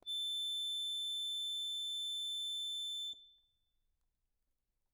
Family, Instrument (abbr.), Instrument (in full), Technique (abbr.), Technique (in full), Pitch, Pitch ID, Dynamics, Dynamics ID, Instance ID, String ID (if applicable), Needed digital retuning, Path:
Keyboards, Acc, Accordion, ord, ordinario, A7, 105, mf, 2, 0, , FALSE, Keyboards/Accordion/ordinario/Acc-ord-A7-mf-N-N.wav